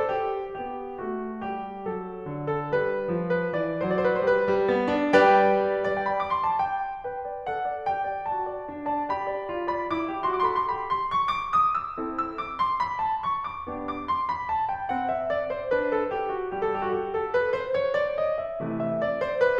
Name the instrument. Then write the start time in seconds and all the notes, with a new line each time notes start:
piano
0.00 A4
0.13 G4
0.60 B3 G4
1.07 A3 F#4
1.44 G3 G4
1.87 F#3 A4
2.26 D3
2.48 A4
2.75 G3 B4
3.08 F3
3.27 B4
3.47 E3 D5
3.82 F#3 C5
3.88 D5
3.92 C5
3.97 D5
4.02 C5
4.06 D5
4.11 B4
4.17 C5
4.21 G3 B4
4.46 G3
4.69 B3
4.92 D4
5.14 G3 G4 B4 D5 G5
5.86 D5
5.98 G5
6.10 B5
6.20 D6
6.33 C6
6.46 A5
6.61 G5
7.06 B4 G5
7.26 D5
7.47 A4 F#5
7.65 D5
7.86 G4 G5
8.07 D5
8.27 F#4 A5
8.48 D5
8.72 D4
8.92 D5 A5
9.09 G4 B5
9.32 D5
9.50 F4
9.66 D5 B5
9.87 E4 D6
10.10 G4
10.29 F#4 C6
10.34 D6
10.40 C6
10.47 D6
10.54 A4 C6
10.59 D6
10.63 B5
10.69 C6
10.74 G4 B5
10.92 C6
11.13 C#6
11.34 D6
11.60 D#6
11.80 E6
12.00 C4 E4 A4
12.27 E6
12.45 D6
12.60 C6
12.79 B5
13.00 A5
13.24 C#6
13.42 D6
13.71 B3 D4 G4
13.90 D6
14.06 C6
14.27 B5
14.49 A5
14.70 G5
14.93 C4 F#5
15.12 E5
15.31 D5
15.49 C5
15.73 D4 B4
15.94 A4
16.15 G4
16.38 F#4
16.57 G3 G4
16.73 A4
16.79 G4
16.86 F#4
16.90 G4
17.08 A4
17.35 B4
17.57 C5
17.75 C#5
17.95 D5
18.15 D#5
18.43 E5
18.63 C3 E3 A3
18.81 E5
18.97 D5
19.18 C5
19.37 B4